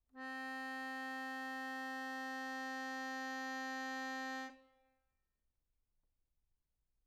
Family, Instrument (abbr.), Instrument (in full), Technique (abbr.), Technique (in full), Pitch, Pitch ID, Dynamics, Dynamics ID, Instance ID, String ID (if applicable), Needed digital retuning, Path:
Keyboards, Acc, Accordion, ord, ordinario, C4, 60, mf, 2, 2, , FALSE, Keyboards/Accordion/ordinario/Acc-ord-C4-mf-alt2-N.wav